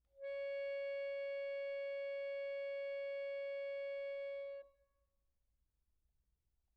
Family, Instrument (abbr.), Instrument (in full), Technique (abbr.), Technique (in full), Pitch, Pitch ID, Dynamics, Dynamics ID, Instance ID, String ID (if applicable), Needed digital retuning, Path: Keyboards, Acc, Accordion, ord, ordinario, C#5, 73, pp, 0, 0, , FALSE, Keyboards/Accordion/ordinario/Acc-ord-C#5-pp-N-N.wav